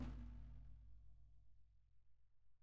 <region> pitch_keycenter=64 lokey=64 hikey=64 volume=27.080819 lovel=0 hivel=65 seq_position=2 seq_length=2 ampeg_attack=0.004000 ampeg_release=30.000000 sample=Membranophones/Struck Membranophones/Snare Drum, Rope Tension/Low/RopeSnare_low_sn_Main_vl1_rr1.wav